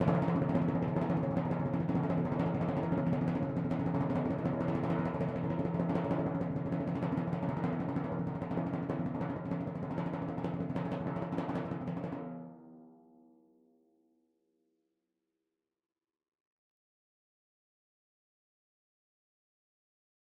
<region> pitch_keycenter=52 lokey=51 hikey=53 volume=15.679130 lovel=84 hivel=127 ampeg_attack=0.004000 ampeg_release=1.000000 sample=Membranophones/Struck Membranophones/Timpani 1/Roll/Timpani4_Roll_v5_rr1_Sum.wav